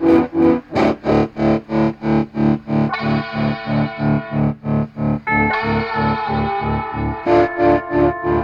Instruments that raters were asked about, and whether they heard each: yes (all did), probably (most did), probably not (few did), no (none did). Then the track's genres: trombone: no
trumpet: no
Folk; Experimental